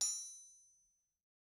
<region> pitch_keycenter=60 lokey=60 hikey=60 volume=15.879058 offset=253 lovel=66 hivel=99 ampeg_attack=0.004000 ampeg_release=15.000000 sample=Idiophones/Struck Idiophones/Anvil/Anvil_Hit1_v2_rr1_Mid.wav